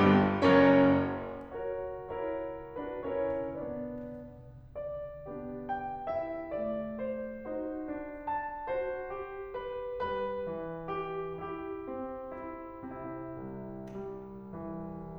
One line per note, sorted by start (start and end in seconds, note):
0.00 0.30 G1
0.00 0.30 G2
0.00 0.30 B3
0.00 0.30 G4
0.50 0.99 F#1
0.50 0.99 F#2
0.50 0.99 C#4
0.50 0.99 A#4
0.50 0.99 C#5
1.60 2.04 F#4
1.60 2.04 A#4
1.60 2.04 C#5
2.05 2.79 E4
2.05 2.79 F#4
2.05 2.79 A#4
2.05 2.79 C#5
2.80 3.02 D4
2.80 3.02 F#4
2.80 3.02 B4
3.02 3.58 C#4
3.02 3.58 E4
3.02 3.58 A#4
3.02 3.58 C#5
3.59 4.42 B3
3.59 4.42 D4
3.59 4.42 B4
3.59 4.42 D5
4.83 5.72 D5
5.29 6.54 B3
5.29 6.13 D4
5.29 7.47 G4
5.72 6.13 G5
6.13 7.47 E4
6.13 6.54 E5
6.57 7.47 A3
6.57 7.04 D5
7.04 7.47 C5
7.47 7.88 D#4
7.47 8.72 F#4
7.47 8.28 C5
7.89 8.72 D4
8.28 8.72 A5
8.72 9.10 F#4
8.72 9.53 C5
9.11 9.98 G4
9.53 9.98 B4
9.98 10.47 G3
9.98 10.94 B4
10.50 11.42 E3
10.94 11.42 G4
11.42 11.89 E4
11.42 12.33 G4
11.90 12.83 C4
12.33 12.83 E4
12.83 15.19 C3
12.83 13.79 E4
13.31 15.19 C2
13.79 14.49 G3
14.49 15.19 E3